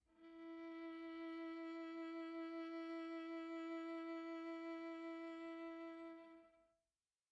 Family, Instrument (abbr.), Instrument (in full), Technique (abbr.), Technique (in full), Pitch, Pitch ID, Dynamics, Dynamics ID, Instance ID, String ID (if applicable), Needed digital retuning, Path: Strings, Va, Viola, ord, ordinario, E4, 64, pp, 0, 1, 2, FALSE, Strings/Viola/ordinario/Va-ord-E4-pp-2c-N.wav